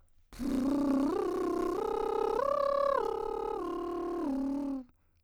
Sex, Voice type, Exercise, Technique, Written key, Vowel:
female, soprano, arpeggios, lip trill, , o